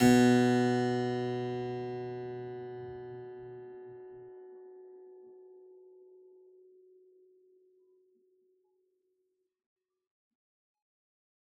<region> pitch_keycenter=47 lokey=47 hikey=47 volume=0 trigger=attack ampeg_attack=0.004000 ampeg_release=0.400000 amp_veltrack=0 sample=Chordophones/Zithers/Harpsichord, Unk/Sustains/Harpsi4_Sus_Main_B1_rr1.wav